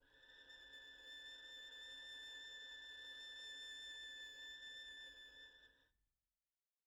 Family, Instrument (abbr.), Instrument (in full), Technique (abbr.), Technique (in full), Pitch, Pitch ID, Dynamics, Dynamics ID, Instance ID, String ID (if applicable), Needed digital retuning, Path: Strings, Vn, Violin, ord, ordinario, A6, 93, pp, 0, 1, 2, FALSE, Strings/Violin/ordinario/Vn-ord-A6-pp-2c-N.wav